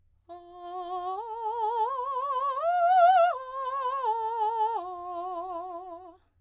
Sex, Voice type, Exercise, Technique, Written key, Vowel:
female, soprano, arpeggios, slow/legato piano, F major, a